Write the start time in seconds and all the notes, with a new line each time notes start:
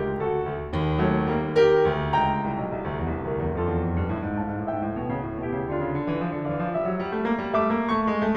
0.00 C#2 G4 A#4
0.22 D2 F#4 A4
0.46 D2
0.73 D#2
0.99 F#3 A3
1.23 G3 A#3
1.53 G4 A#4
1.83 D2
2.16 C#2 G5 A#5
2.46 C2
2.59 B1
2.74 C2
2.84 D2
2.97 E2
3.10 C2
3.23 D2 G4 A#4
3.39 E2
3.58 F2 F4 A4
3.70 E2
3.87 F2
4.01 G2
4.12 A2
4.27 G#2
4.42 A2 F5 A5
4.55 G#2
4.66 A2 E5 G5
4.73 G#2
4.84 A2
4.98 B2
5.12 C#3
5.29 A2
5.45 B2 E4 G4
5.60 C#3
5.71 D3 D4 F4
5.79 C#3
5.93 D3
6.07 E3
6.20 F3
6.34 D3
6.52 E3 D5 F5
6.66 F3
6.78 G3 E5
6.91 F#3
7.04 G3
7.17 A3
7.31 A#3
7.48 G3
7.62 A3 E5 D6
7.76 A#3
7.91 A3 C#6
8.05 G#3
8.19 A3